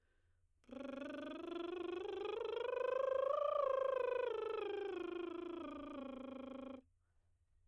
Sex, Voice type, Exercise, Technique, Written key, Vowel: female, soprano, scales, lip trill, , e